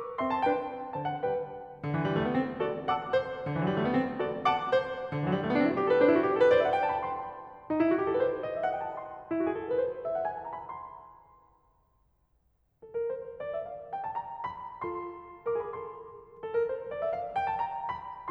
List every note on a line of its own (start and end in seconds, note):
0.15 0.38 C4
0.15 0.38 E5
0.15 0.27 C6
0.27 0.38 A5
0.40 0.65 D4
0.40 0.65 B4
0.40 0.65 G5
0.95 1.23 D3
0.95 1.23 C5
0.95 1.07 A5
1.12 1.23 F#5
1.23 1.54 G3
1.23 1.54 B4
1.23 1.54 G5
1.77 1.93 D3
1.93 2.02 E3
2.02 2.09 F#3
2.10 2.17 G3
2.18 2.26 A3
2.28 2.35 B3
2.37 2.60 C4
2.60 2.87 F#4
2.60 2.87 A4
2.60 2.87 D5
2.88 3.14 F#5
2.88 3.14 A5
2.88 3.14 D6
3.15 3.41 C5
3.41 3.52 D3
3.52 3.60 E3
3.60 3.69 F#3
3.70 3.77 G3
3.79 3.86 A3
3.87 3.95 B3
3.96 4.20 C4
4.20 4.46 F#4
4.20 4.46 A4
4.20 4.46 D5
4.47 4.73 F#5
4.47 4.73 A5
4.47 4.73 D6
4.76 5.11 C5
5.11 5.18 D3
5.18 5.26 E3
5.26 5.32 F#3
5.33 5.42 G3
5.43 5.50 A3
5.52 5.57 B3
5.58 5.77 C4
5.58 5.63 D4
5.63 5.69 E4
5.69 5.77 F#4
5.77 5.84 G4
5.84 5.92 A4
5.92 6.00 B4
6.00 6.07 D4
6.00 6.27 C5
6.08 6.18 E4
6.19 6.27 F#4
6.28 6.35 G4
6.36 6.42 A4
6.42 6.51 B4
6.51 6.75 C5
6.51 6.58 D5
6.58 6.66 E5
6.66 6.75 F#5
6.75 6.80 G5
6.82 6.86 A5
6.87 6.94 B5
6.95 7.15 C6
7.70 7.80 D#4
7.80 7.88 E4
7.88 7.98 F#4
8.00 8.06 G4
8.07 8.14 A4
8.15 8.22 B4
8.22 8.49 C5
8.50 8.57 D#5
8.57 8.65 E5
8.66 8.79 F#5
8.79 8.87 G5
8.88 8.95 A5
8.95 9.02 B5
9.03 9.30 C6
9.30 9.38 E4
9.39 9.45 F#4
9.45 9.53 G#4
9.53 9.63 A4
9.63 9.72 A#4
9.72 9.80 B4
9.81 10.07 C5
10.07 10.16 E5
10.18 10.26 F#5
10.28 10.47 G#5
10.47 10.60 A5
10.61 10.74 A#5
10.74 10.86 B5
10.87 11.30 C6
12.83 12.93 A4
12.93 13.06 A#4
13.06 13.33 C5
13.36 13.49 D5
13.49 13.62 E5
13.62 13.92 F5
13.93 14.05 G5
14.06 14.19 A5
14.20 14.44 A#5
14.45 14.81 B5
14.83 15.74 F4
14.83 15.47 A4
14.83 15.47 C6
15.48 15.60 A#4
15.48 15.60 D6
15.62 15.74 G#4
15.62 15.74 B5
15.76 16.02 F#4
15.76 16.02 A4
15.76 16.02 C6
16.29 16.42 A4
16.43 16.57 A#4
16.58 16.86 C5
16.87 17.00 D5
17.01 17.15 E5
17.15 17.44 F5
17.45 17.59 G5
17.60 17.72 A5
17.72 17.97 A#5
18.00 18.31 B5